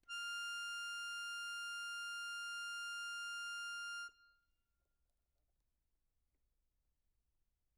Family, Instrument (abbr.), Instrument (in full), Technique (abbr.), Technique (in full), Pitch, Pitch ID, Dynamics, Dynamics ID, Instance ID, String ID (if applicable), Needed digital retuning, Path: Keyboards, Acc, Accordion, ord, ordinario, F6, 89, mf, 2, 3, , FALSE, Keyboards/Accordion/ordinario/Acc-ord-F6-mf-alt3-N.wav